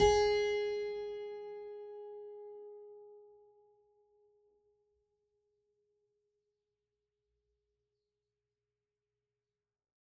<region> pitch_keycenter=68 lokey=68 hikey=69 volume=-1.096978 trigger=attack ampeg_attack=0.004000 ampeg_release=0.400000 amp_veltrack=0 sample=Chordophones/Zithers/Harpsichord, French/Sustains/Harpsi2_Normal_G#3_rr1_Main.wav